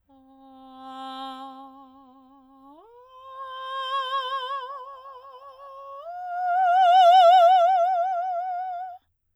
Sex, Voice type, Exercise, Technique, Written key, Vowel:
female, soprano, long tones, messa di voce, , a